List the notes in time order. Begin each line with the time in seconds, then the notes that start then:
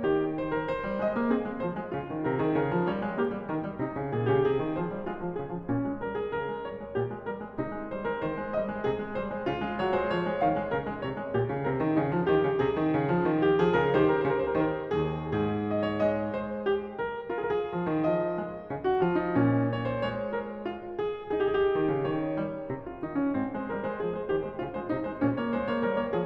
0.00 D#3 G4
0.38 C5
0.56 A#4
0.66 C5
0.77 G3
0.98 G#3 D#5
1.15 A#3
1.30 C4 G#4
1.45 G#3
1.60 F3 C5
1.73 G#3
1.87 C#3 F4
2.02 D#3
2.24 C3 A#4
2.41 D#3 G#4
2.57 C#3 A#4
2.73 F3
2.88 G3 C#5
3.02 G#3
3.17 A#3 G4
3.29 G3
3.44 D#3 A#4
3.60 G3
3.78 C3 D#4
3.94 C#3
4.09 A#2 G#4
4.26 C#3 G4
4.40 C3 G#4
4.55 D#3
4.75 F3 C5
4.88 G3
5.05 G#3 F4
5.20 F3
5.38 C#3 G#4
5.51 F3
5.65 A#2 C#4
5.84 G#3
5.99 G3 A#4
6.14 G#3 G#4
6.28 C#3 A#4
6.46 G#3
6.61 G3 C#5
6.76 G#3
6.93 A#2 G4
7.11 G#3
7.23 G3 A#4
7.40 G#3
7.58 C3 D#4
7.73 G#3
7.91 G3 C5
8.06 G#3 A#4
8.22 D#3 C5
8.37 G#3
8.56 G3 D#5
8.72 G#3
8.86 C3 G#4
9.00 G#3
9.15 G3 C5
9.31 G#3
9.46 C#3 F4
9.62 G#3
9.79 F#3 C#5
9.98 G#3 C5
10.11 F3 C#5
10.24 G#3
10.36 D#3 F5
10.54 G#3
10.70 C#3 A#4
10.82 G#3
10.97 C3 C#5
11.16 G#3
11.34 A#2 G4
11.49 C#3
11.62 C3 A#4
11.80 D#3
11.95 C#3 D#4
12.10 F3
12.24 D#3 G4
12.42 C#3
12.61 C3 G#4
12.78 D#3
12.96 C#3
13.12 F3
13.26 D#3
13.43 G4
13.61 F3 G#4
13.79 C#3 A#4
13.96 D#3 G4 C5
14.02 A#4
14.07 C5
14.13 A#4
14.18 C5
14.22 C#3 A#4
14.54 D#3
14.88 D#2 G#4
15.35 G#2 G#4
15.74 D#5
15.89 C#5
16.04 G#3 D#5
16.35 C5
16.66 G4
16.96 A#4
17.31 A#4
17.39 G#4
17.44 A#4
17.52 G#4
17.58 A#4
17.65 G#4
17.69 F3
17.84 D#3
18.02 F3
18.08 D#5
18.37 G#3
18.68 C#3
18.85 F#4
18.97 F3 F4
19.17 D#4
19.33 A#2 C#4
19.74 C#5
19.88 C5
20.02 A#3 C#5
20.33 A#4
20.60 F4
20.99 G#4
21.40 G#4
21.44 G4
21.51 G#4
21.56 G4
21.61 G#4
21.65 G4
21.71 D#3
21.88 C#3
22.09 D#3 C#5
22.41 G3
22.69 C3
22.87 F4
22.98 D#3 D#4
23.14 C#4
23.30 G#2 C4
23.48 G#3 C5
23.66 G3 A#4
23.81 G#3 C5
23.93 F3 G#4
24.10 G#3 C5
24.26 D#3 G4
24.38 G#3 C5
24.56 C#3 F4
24.69 G#3 C5
24.83 C3 D#4
25.00 G#3 C5
25.22 A#2
25.26 C#4
25.39 A#3 C#5
25.55 G#3 C5
25.72 A#3 C#5
25.87 G3 A#4
25.99 A#3 C#5
26.13 F3 G#4